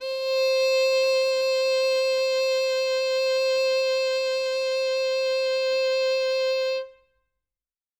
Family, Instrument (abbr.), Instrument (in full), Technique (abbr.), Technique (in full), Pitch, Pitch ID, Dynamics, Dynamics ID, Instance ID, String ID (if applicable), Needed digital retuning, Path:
Strings, Vn, Violin, ord, ordinario, C5, 72, ff, 4, 1, 2, FALSE, Strings/Violin/ordinario/Vn-ord-C5-ff-2c-N.wav